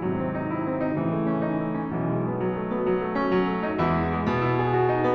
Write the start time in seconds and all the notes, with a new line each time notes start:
0.00 G#2 C3 D#3 F#3
0.21 C4
0.36 D#4
0.51 E4
0.64 C4
0.80 D#4
0.96 A2 C#3 E3
1.15 A3
1.30 C#4
1.44 D#4
1.59 A3
1.72 C#4
1.86 B1 B2 E3
2.00 G#3
2.16 B3
2.33 F#3
2.48 A3
2.62 B3
2.80 F#3
2.95 A3
3.17 C#4
3.32 F#3
3.48 C#4
3.65 D#4
3.80 E2 E3 G#3 E4
3.95 B3
4.11 G#3
4.27 B2 B3
4.44 E4
4.60 G#4
4.74 F#4
4.88 D#4
4.99 B3